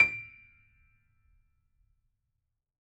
<region> pitch_keycenter=98 lokey=98 hikey=99 volume=3.532002 lovel=100 hivel=127 locc64=0 hicc64=64 ampeg_attack=0.004000 ampeg_release=0.400000 sample=Chordophones/Zithers/Grand Piano, Steinway B/NoSus/Piano_NoSus_Close_D7_vl4_rr1.wav